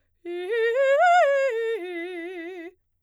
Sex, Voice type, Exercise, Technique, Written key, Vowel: female, soprano, arpeggios, fast/articulated piano, F major, i